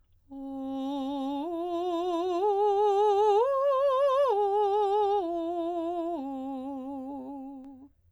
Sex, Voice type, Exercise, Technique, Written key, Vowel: female, soprano, arpeggios, slow/legato piano, C major, o